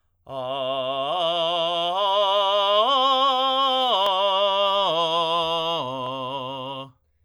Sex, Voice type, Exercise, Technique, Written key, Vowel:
male, tenor, arpeggios, belt, , o